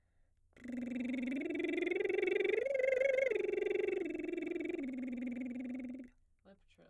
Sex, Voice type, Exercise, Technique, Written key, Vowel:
female, soprano, arpeggios, lip trill, , i